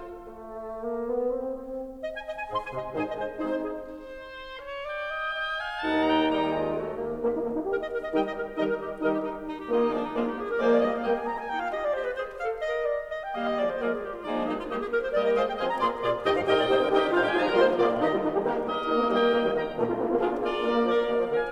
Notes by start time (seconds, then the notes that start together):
0.00 F4
0.17 A3
0.64 G#3
0.85 A#3
1.07 B3
1.29 C4
1.53 C4
2.01 D#5
2.15 G#5
2.23 D#5
2.36 G#5
2.45 G#2 C6
2.55 G#5
2.72 C3 D#5
2.90 G#2 D#3 D#4 G#4 C5 G#5
3.05 D#5
3.15 G#3 C5
3.38 G#3 C4 D#4 G#4 C5 D#5
3.52 C5
3.66 G#4
3.98 C5
4.59 C#5
4.91 D5 G5
5.10 D#5
5.40 D#5 G5
5.63 F5 G#5
5.80 D#1 D#4 F#5 A5
6.03 G5 A#5
6.32 D#1 D#3 G3 D#4 G5 A#5
6.61 G#3 F4
6.80 A3 F#4
7.00 A#3 G4
7.12 D#1 D#3 A#3 G4
7.28 D#4
7.40 A#3
7.53 D#4
7.64 G4 A#4
7.71 D#5
7.87 A#4
7.99 D#5
8.10 D#3 D#4 G4 A#4 D#5 G5
8.20 D#5
8.34 G3 A#4
8.49 D#3 D#4 G4 A#4 D#5
8.63 A#4
8.72 G3 G4
9.00 D#3 G3 G4 A#4 D#5
9.10 G4
9.21 D#4
9.45 D#4
9.56 G4
9.75 D#3 A#3 F4 G4 D#5
9.86 D#4
9.91 F3 G#3 A#3 D4 G#4 D5
9.98 D#4
10.10 F3 G#3 A#3 F4 G#4 D5
10.22 G4
10.33 G#4
10.47 A#4
10.58 F3 G#3 A#3 G#4 C5 D5
10.67 D5
10.79 G3 A#3 G4 D#5
10.86 F5
10.95 G3 A#3 G4 D#5 G5
11.09 G#5
11.24 A#5
11.42 G#5
11.48 D#4 G5
11.60 F4 F5
11.71 G4 D#5
11.83 D5
11.94 G4 C5
12.03 B4
12.16 G#4 C5
12.35 A4 F5
12.57 A#4 D#5
12.84 D5
13.12 D#5
13.20 G5
13.33 D#3 G3 A#3 G4 D#5 F5
13.47 D#5
13.57 F3 G#3 A#3 G#4 D5
13.69 C5
13.78 F3 G#3 A#3 G#4 A#4 D5
13.87 G#4
14.01 G4
14.11 F4
14.23 F3 G#3 A#3 D#4 G#4 D5
14.37 D4
14.47 G3 A#3 D#4 G4 D#5
14.54 F4
14.70 G3 A#3 G4 D#5
14.74 G#4
14.84 A#3 A#4
15.02 C5
15.12 G3 G4 A#4 D5 D#5
15.21 D#5
15.35 G#3 F4 C5 D#5 F5
15.44 G5
15.57 F3 C4 F4 G#4 D#5 G#5
15.67 A#5
15.84 A#3 F4 G#4 D5 C6
16.04 A#2 F4 G#4 D5
16.21 D2 D#3 D#4 G4 D#5 G5
16.31 F2 F3 F5
16.47 G2 G3 D#4 G4 A#4 D#5 G5
16.57 G#2 G#3 D5
16.68 A#2 A#3 D#4 G4 C5
16.86 C3 C4 A#4
16.95 D3 D4 D#4 G4 G#4 A#4 D#5 G5
17.03 D#3 D#4 G4
17.10 G#2 G#3 D#4 F4 C5 F5
17.22 G3 G4 G5
17.31 F3 D#4 F4 G#4 C5 G#5
17.44 G3 A#4 A#5
17.52 G#3 A#3 F4 C5 C6
17.64 F3
17.74 A#3 F4 G#4 D5
17.83 A#2
18.00 D#3 D#4 G4 D#5
18.07 G3 G4
18.18 D#3 D#4
18.31 G3 G4
18.40 A#3 D#4 G4 A#4
18.53 D#4
18.58 A#3 G4 A#4 D#5
18.82 A#3 D#4 G4 A#4 D#5
18.94 A#3
19.08 G3 A#4 D#5 G5
19.28 A#3 A#4 D#5 G5
19.39 G3
19.56 D#3 D#5 G5
19.71 A#2 A#3
19.83 A#3 F4
19.97 A#2 A#3
20.10 A#3 F4
20.19 D4 F4 G#4 A#4
20.29 D4
20.46 A#3 F4 A#4 D5
20.64 A#3 D4 F4 A#4
20.71 A#3
20.76 F3 A#4 D5 F5
20.97 A#3 A#4 D5 F5
21.13 F3
21.28 D3 A#4 F5 G#5